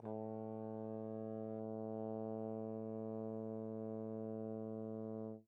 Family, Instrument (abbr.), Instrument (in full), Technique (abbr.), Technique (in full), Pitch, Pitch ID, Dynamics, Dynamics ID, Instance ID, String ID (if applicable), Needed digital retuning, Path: Brass, Tbn, Trombone, ord, ordinario, A2, 45, pp, 0, 0, , FALSE, Brass/Trombone/ordinario/Tbn-ord-A2-pp-N-N.wav